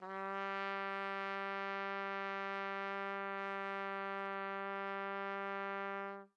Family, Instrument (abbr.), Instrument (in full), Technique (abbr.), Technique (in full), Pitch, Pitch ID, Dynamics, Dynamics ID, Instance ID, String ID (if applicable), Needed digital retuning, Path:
Brass, TpC, Trumpet in C, ord, ordinario, G3, 55, mf, 2, 0, , TRUE, Brass/Trumpet_C/ordinario/TpC-ord-G3-mf-N-T12u.wav